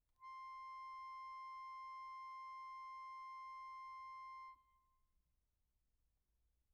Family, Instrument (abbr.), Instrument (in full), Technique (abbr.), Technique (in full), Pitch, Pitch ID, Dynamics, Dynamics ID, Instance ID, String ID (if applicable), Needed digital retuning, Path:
Keyboards, Acc, Accordion, ord, ordinario, C6, 84, pp, 0, 0, , FALSE, Keyboards/Accordion/ordinario/Acc-ord-C6-pp-N-N.wav